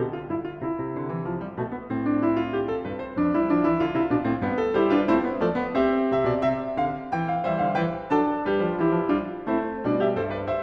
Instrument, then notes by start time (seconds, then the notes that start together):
piano
0.00 B2 D3 G4
0.15 F4
0.30 G2 E4
0.44 F4
0.63 C3 E4
0.79 C3
0.93 D3
1.08 E3
1.27 F3
1.40 G3
1.53 B2 A3
1.67 B3
1.81 A2 C4
2.02 D4
2.23 E4
2.38 F4
2.57 G4
2.74 A4
2.84 G2 B4
3.01 C5
3.16 F2 D4
3.34 G3 E4
3.48 F3 D4
3.67 E3 E4
3.82 D3 F4
3.96 C3 E4
4.09 B2 D4
4.21 A2 C4
4.35 G2 B3
4.49 A4
4.70 G3 E4 G4 C5
4.91 D4 F4 B4
5.12 A3 C4 E4 C5
5.28 B3
5.42 F3 A3 A4 D5
5.58 B3
5.76 C4 G4 E5
6.08 C3 E5
6.27 B2 D5
6.47 C3 E5
6.82 D3 F5
7.14 E3 G5
7.31 F5
7.45 E3 G3 C5 E5
7.62 D3 F5
7.78 E3 B4 G5
8.10 F#3 D4 A4 A5
8.44 G3 G4 B4
8.66 F3
8.81 E3 E4 G4
8.95 F3
9.14 G3 D4 F4
9.47 A3 C4 E4 C5
9.85 B2 G3 D4 D5
10.03 G4 E5
10.17 G2 A4 C5
10.37 B4 D5
10.50 C5 E5